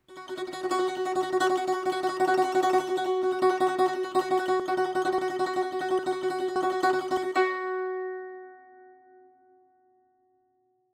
<region> pitch_keycenter=66 lokey=65 hikey=67 volume=11.501528 offset=3635 ampeg_attack=0.004000 ampeg_release=0.300000 sample=Chordophones/Zithers/Dan Tranh/Tremolo/F#3_Trem_1.wav